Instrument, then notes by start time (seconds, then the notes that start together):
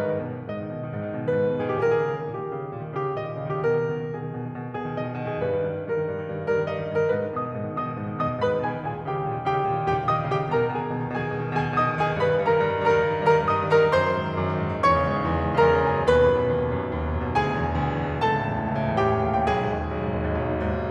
piano
0.01 G#2 B4
0.11 D#3
0.24 B2
0.37 D#3
0.46 G#2 D#5
0.55 D#3
0.63 B2
0.74 D#3
0.86 G#2
1.03 D#3
1.13 B2
1.24 D#3
1.35 G#2 B4
1.47 D#3
1.56 B2
1.67 D#3 G#4
1.84 A#2 G4
1.89 G#4
1.96 D#3 A#4
2.04 G#4
2.08 C#3
2.18 D#3
2.29 A#2 G4
2.39 D#3
2.54 C#3
2.63 D#3
2.73 A#2
2.83 D#3
2.92 C#3 G4
3.11 D#3
3.20 A#2 D#5
3.31 D#3
3.41 C#3
3.52 D#3 G4
3.69 B2 A#4
3.79 D#3
3.90 B2
3.99 D#3
4.09 B2 G#4
4.17 D#3
4.27 B2
4.46 D#3
4.56 B2
4.67 D#3
4.78 B2 G#4
4.88 D#3
4.96 B2 D#5
5.07 D#3
5.18 B2
5.30 D#3 G#4
5.46 G2 B4
5.60 D#3
5.71 G2
5.79 D#3
5.90 G2 A#4
6.07 D#3
6.15 G2
6.24 D#3
6.33 G2
6.41 D#3
6.51 G2 A#4
6.60 D#3
6.70 G2 D#5
6.81 D#3
6.91 G2
7.02 D#3 A#4
7.12 G#2 B4
7.25 D#3
7.38 B2 D#5 D#6
7.48 D#3
7.59 G#2
7.68 D#3
7.77 B2 D#5 D#6
7.89 D#3
7.99 G#2
8.16 D#3
8.26 B2 D#5 D#6
8.33 D#3
8.43 G#2 B4 B5
8.54 D#3
8.63 B2 G#4 G#5
8.72 D#3
8.86 A#2 G#4 G#5
8.98 D#3
9.07 C#3 G4 G5
9.17 D#3
9.28 A#2
9.40 D#3
9.48 C#3 G4 G5
9.56 D#3
9.65 A#2
9.77 D#3
9.87 C#3 G4 G5
9.99 D#3
10.08 A#2 D#5 D#6
10.16 D#3
10.26 C#3 G4 G5
10.39 D#3
10.50 B2 A#4 A#5
10.59 D#3
10.70 B2 G#4 G#5
10.80 D#3
10.88 B2
10.99 D#3
11.09 B2 G#4 G#5
11.20 D#3
11.30 B2
11.42 D#3
11.53 B2 G#4 G#5
11.63 D#3
11.73 B2 D#5 D#6
11.81 D#3
11.96 B2 G#4 G#5
12.07 D#3
12.20 G2 B4 B5
12.32 D#3
12.42 G2 A#4 A#5
12.50 D#3
12.60 G2
12.67 D#3
12.77 G2 A#4 A#5
12.87 D#3
12.97 G2
13.10 D#3
13.19 G2 A#4 A#5
13.30 D#3
13.40 G2 D#5 D#6
13.60 D#3
13.69 G2 A#4 A#5
13.80 D#3
13.91 F#2 C5 C6
14.02 D#3
14.12 G#2
14.30 D#3
14.40 F#2
14.51 D#3
14.61 G#2
14.72 D#3
14.81 E2 C#5 C#6
14.91 C#3
15.01 G#2
15.08 C#3
15.13 E2
15.26 C#3
15.37 G#2
15.47 C#3
15.60 E2 A#4 B5
15.67 C#3 A#5
15.74 B5
15.80 F#2 A#5
15.87 C#3 G#5
15.93 A#5
16.02 D#2 B4 B5
16.12 B2
16.25 F#2
16.35 B2
16.50 D#2
16.60 B2
16.70 F#2
16.81 B2
16.90 D#2
17.03 B2
17.13 F#2
17.25 B2
17.34 D2 G#4 G#5
17.44 B2
17.58 E2
17.68 B2
17.78 D2
17.90 B2
18.00 E2
18.13 B2
18.22 C#2 A4 A5
18.36 A2
18.45 E2
18.55 A2
18.65 C#2
18.73 A2
18.85 E2
19.02 A2
19.14 C#2 G4 G#5
19.23 A#2 G5
19.29 G#5
19.35 D#2 G5
19.41 A#2 F5
19.48 G5
19.55 B1 G#4 G#5
19.64 G#2
19.74 D#2
19.86 G#2
19.94 B1
20.10 G#2
20.33 D#2
20.45 G#2
20.54 B1
20.65 G#2
20.75 D#2
20.85 G#2